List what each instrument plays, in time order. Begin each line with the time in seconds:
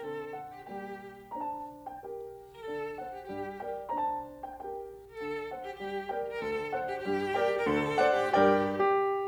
0.00 piano D3 C4, violin A4
0.31 piano F#5
0.49 violin G4
0.67 piano G3 A#3 G5, violin G4
1.23 piano A#5
1.32 piano D4 C5 A5
1.88 piano G5
2.03 piano G4 A#4 G5
2.50 violin A#4
2.60 piano D3 D4, violin A4
2.97 piano C5 D5 F#5
3.12 violin G4
3.31 piano G2 G3, violin G4
3.60 piano A#4 D5 G5
3.87 piano A#5
3.96 piano D4 C5 A5
4.45 piano G5
4.61 piano G4 A#4 G5
5.07 violin A#4
5.17 piano D3 D4, violin A4
5.49 piano C5 D5 F#5
5.62 violin G4
5.80 piano G2 G3, violin G4
6.11 piano A#4 D5 G5
6.34 violin A#4
6.42 piano D2 D3, violin A4
6.73 piano C5 D5 F#5
6.92 violin G4
7.09 piano G2 G3, violin G4
7.36 piano A#4 D5 G5
7.56 violin A#4
7.65 piano D2 D3, violin A4
8.01 piano C5 D5 F#5
8.19 violin G4
8.35 piano G2 G3 A#4 D5 G5, violin G4
8.70 piano G4